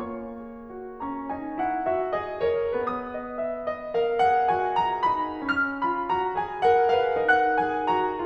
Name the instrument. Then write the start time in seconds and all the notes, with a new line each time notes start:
piano
0.01 A#3 F4 C#5 C#6
0.37 G#4
0.71 F#4
1.00 C#4 A#5 C#6
1.30 D#4 G#5
1.63 E4 F#5
1.86 F#4 E5
2.18 G#4 D#5
2.46 A#4 C#5
2.81 B3 B4 D#6
3.07 D#5
3.37 F5
3.60 D#5
3.95 A#4 F5
4.25 G#4 F#5
4.52 F#4 G#5
4.77 F4 A#5
5.06 D#4 B5
5.46 C#4 F6
5.87 F4 B5
6.10 F#4 A#5
6.35 G#4 G#5
6.62 A#4 F#5
6.91 B4 F5
7.15 D#4 A#4 F#5 F#6
7.59 G#4 G#5
7.86 F#4 A#5